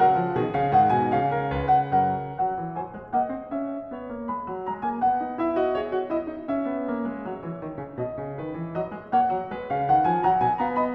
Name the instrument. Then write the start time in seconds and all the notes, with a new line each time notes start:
piano
0.00 C#3 F#3 A#4 F#5
0.19 F3
0.39 B2 D#3 G#4
0.53 C#3 F5
0.71 G#2 D#3 F#5
0.93 B2 G#5
1.14 C#3 F5
1.37 A#4
1.54 C#2 B4
1.71 F#5
1.94 F#2 A#4 F#5
2.35 F#3 F#5
2.57 E3
2.77 F#3 C5 G#5
2.94 G#3
3.12 A#3 D#5 F#5
3.29 C4
3.45 C#4 E5
3.92 B3 C#5
4.10 A#3
4.26 G#3 B5
4.48 F#3
4.69 G#3 A#5
4.84 A#3 G#5
5.03 B3 F#5
5.26 D#4
5.38 E4 E5
5.56 F#4 D#5
5.74 G#4 C#5
5.94 F#4
6.11 E4 D#5
6.27 D#4
6.47 C#4 E5
6.66 B3
6.85 A#3
7.05 G#3
7.24 F#3 C#5
7.43 E3
7.59 D#3
7.77 C#3
7.94 B2 D#5
8.23 C#3
8.38 D#3 B4
8.57 E3
8.74 F#3 D#5
8.92 G#3
9.11 A#3 C#5 F#5
9.33 F#3
9.52 G#3 B4
9.71 C#3 F5
9.89 D#3 F#5
10.04 F3 G#5
10.23 F#3 F#5 A#5
10.41 B2 G#5
10.60 B3 F5 A#5
10.76 D#5 B5